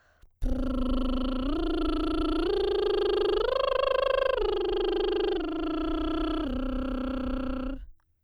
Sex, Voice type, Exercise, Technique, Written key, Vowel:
female, soprano, arpeggios, lip trill, , u